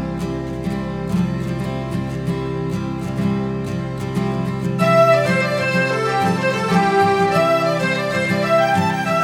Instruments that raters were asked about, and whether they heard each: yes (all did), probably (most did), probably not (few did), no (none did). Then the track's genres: flute: probably not
accordion: yes
Folk; Celtic